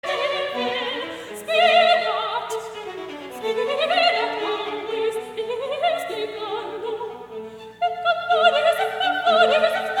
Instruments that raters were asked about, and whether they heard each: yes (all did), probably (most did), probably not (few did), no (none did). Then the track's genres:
violin: yes
Classical; Chamber Music